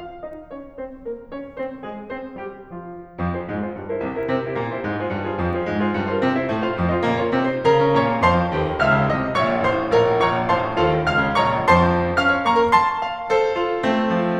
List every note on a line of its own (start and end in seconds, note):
0.00 0.09 F4
0.00 0.09 F5
0.22 0.35 D#4
0.22 0.35 D#5
0.46 0.63 C#4
0.46 0.63 C#5
0.82 0.93 C4
0.82 0.93 C5
1.06 1.16 A#3
1.06 1.16 A#4
1.28 1.40 C#4
1.28 1.40 C#5
1.53 1.67 C4
1.53 1.67 C5
1.85 2.00 G#3
1.85 2.00 G#4
2.14 2.24 C4
2.14 2.24 C5
2.37 2.51 G3
2.37 2.51 G4
2.64 3.25 F3
2.64 3.25 F4
3.25 3.38 F2
3.25 3.38 F3
3.39 3.54 F4
3.39 3.54 G#4
3.39 3.54 C5
3.54 3.66 C3
3.54 3.66 G#3
3.66 3.77 F4
3.66 3.77 G#4
3.66 3.77 C5
3.77 3.92 G2
3.77 3.92 G3
3.92 4.08 E4
3.92 4.08 A#4
3.92 4.08 C5
4.09 4.17 C2
4.09 4.17 C3
4.17 4.27 E4
4.17 4.27 G4
4.17 4.27 A#4
4.17 4.27 C5
4.28 4.44 C3
4.28 4.44 C4
4.44 4.55 E4
4.44 4.55 G4
4.44 4.55 C5
4.55 4.73 A#2
4.55 4.73 A#3
4.73 4.90 E4
4.73 4.90 G4
4.73 4.90 C5
4.90 5.00 G#2
4.90 5.00 G#3
5.02 5.12 D#4
5.02 5.12 G#4
5.02 5.12 C5
5.12 5.26 G2
5.12 5.26 G3
5.27 5.38 E4
5.27 5.38 A#4
5.27 5.38 C5
5.38 5.53 F2
5.38 5.53 F3
5.53 5.65 F4
5.53 5.65 G#4
5.53 5.65 C5
5.65 5.85 G#2
5.65 5.85 G#3
5.85 5.98 F4
5.85 5.98 G#4
5.85 5.98 C5
5.85 5.98 F5
5.99 6.13 G2
5.99 6.13 G3
6.13 6.27 F4
6.13 6.27 A#4
6.13 6.27 C5
6.13 6.27 F5
6.29 6.41 C3
6.29 6.41 C4
6.41 6.51 E4
6.41 6.51 A#4
6.41 6.51 C5
6.41 6.51 E5
6.51 6.63 A2
6.51 6.63 A3
6.63 6.76 F4
6.63 6.76 C5
6.63 6.76 F5
6.76 6.87 F2
6.76 6.87 F3
6.88 7.04 F4
6.88 7.04 C5
6.88 7.04 D#5
7.04 7.21 A#2
7.04 7.21 A#3
7.22 7.36 F4
7.22 7.36 A#4
7.22 7.36 C#5
7.36 7.53 C3
7.36 7.53 C4
7.53 7.66 D#4
7.53 7.66 A4
7.53 7.66 C5
7.66 7.79 C#3
7.66 7.79 A#4
7.66 7.79 F5
7.66 7.79 A#5
7.79 7.98 C#4
7.99 8.09 A#2
7.99 8.09 C#5
7.99 8.09 F5
7.99 8.09 A#5
7.99 8.09 C#6
8.09 8.20 A#3
8.22 8.44 F2
8.22 8.44 C5
8.22 8.44 F5
8.22 8.44 A5
8.22 8.44 C6
8.44 8.58 F3
8.58 8.73 D#2
8.58 8.73 F4
8.58 8.73 A4
8.58 8.73 C5
8.58 8.73 F5
8.73 8.85 D#3
8.85 8.97 C#2
8.85 8.97 F5
8.85 8.97 A#5
8.85 8.97 F6
8.99 9.13 C#3
9.13 9.24 C2
9.13 9.24 D#5
9.13 9.24 F5
9.13 9.24 A5
9.13 9.24 D#6
9.25 9.36 C3
9.36 9.47 A#1
9.36 9.47 C#5
9.36 9.47 F5
9.36 9.47 A#5
9.36 9.47 C#6
9.47 9.64 A#2
9.64 9.80 A1
9.64 9.80 C5
9.64 9.80 F5
9.64 9.80 C6
9.80 9.93 A2
9.93 10.05 A#1
9.93 10.05 A#4
9.93 10.05 C#5
9.93 10.05 F5
9.93 10.05 A#5
10.05 10.19 A#2
10.21 10.31 A#1
10.21 10.31 C#5
10.21 10.31 F5
10.21 10.31 A#5
10.21 10.31 C#6
10.31 10.45 A#2
10.45 10.57 A1
10.45 10.57 C5
10.45 10.57 F5
10.45 10.57 C6
10.57 10.73 A2
10.73 10.83 D#2
10.73 10.83 F4
10.73 10.83 A4
10.73 10.83 C5
10.73 10.83 F5
10.83 11.01 D#3
11.01 11.19 C#2
11.01 11.19 F5
11.01 11.19 F6
11.20 11.37 C#3
11.37 11.48 A#1
11.37 11.48 C#5
11.37 11.48 A#5
11.37 11.48 C#6
11.48 11.62 A#2
11.62 12.16 F2
11.62 12.16 F3
11.62 12.16 C5
11.62 12.16 A5
11.62 12.16 C6
12.17 12.29 C#4
12.17 12.29 F5
12.17 12.29 F6
12.29 12.46 C#5
12.46 12.61 A#3
12.46 12.61 A#5
12.46 12.61 C#6
12.61 12.81 A#4
12.81 13.31 A5
12.81 13.31 C6
13.05 13.31 F5
13.31 13.87 A4
13.31 13.87 C5
13.61 13.87 F4
13.87 14.40 A3
13.87 14.40 C4
14.19 14.40 F3